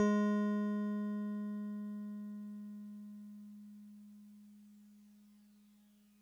<region> pitch_keycenter=68 lokey=67 hikey=70 volume=15.585369 lovel=0 hivel=65 ampeg_attack=0.004000 ampeg_release=0.100000 sample=Electrophones/TX81Z/FM Piano/FMPiano_G#3_vl1.wav